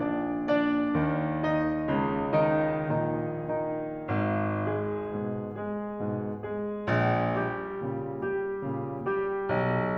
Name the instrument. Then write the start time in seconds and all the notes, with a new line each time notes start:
piano
0.00 A#1 A#2 D4 D5
0.36 D4 D5
0.98 D#2 D#3
1.49 D#4 D#5
1.88 C#2 C#3
2.37 D#3 D#4
2.82 B1 B2
3.51 D#3 D#4
4.20 G#1
4.69 G#3 G#4
5.15 G#2 B2
5.49 G#3 G#4
5.86 G#2 B2
6.36 G#3 G#4
6.92 A#1
7.45 G3 G4
7.84 A#2 C#3
8.16 G3 G4
8.68 A#2 C#3
9.07 G3 G4
9.52 B1